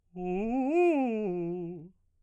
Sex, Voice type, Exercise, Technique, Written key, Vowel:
male, baritone, arpeggios, fast/articulated piano, F major, u